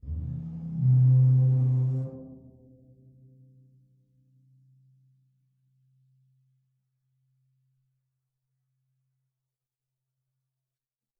<region> pitch_keycenter=68 lokey=68 hikey=68 volume=15.000000 offset=1187 ampeg_attack=0.004000 ampeg_release=2.000000 sample=Membranophones/Struck Membranophones/Bass Drum 2/bassdrum_rub12.wav